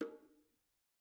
<region> pitch_keycenter=60 lokey=60 hikey=60 volume=22.893477 offset=221 lovel=66 hivel=99 seq_position=2 seq_length=2 ampeg_attack=0.004000 ampeg_release=15.000000 sample=Membranophones/Struck Membranophones/Bongos/BongoH_Hit1_v2_rr2_Mid.wav